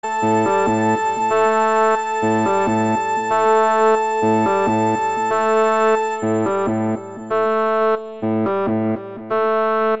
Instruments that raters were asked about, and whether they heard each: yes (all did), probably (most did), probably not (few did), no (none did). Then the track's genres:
bass: no
trumpet: no
clarinet: no
saxophone: no
guitar: no
Experimental; Ambient